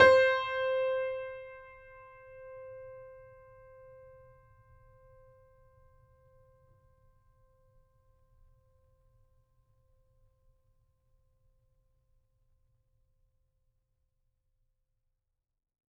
<region> pitch_keycenter=72 lokey=72 hikey=73 volume=1.099254 lovel=100 hivel=127 locc64=0 hicc64=64 ampeg_attack=0.004000 ampeg_release=0.400000 sample=Chordophones/Zithers/Grand Piano, Steinway B/NoSus/Piano_NoSus_Close_C5_vl4_rr1.wav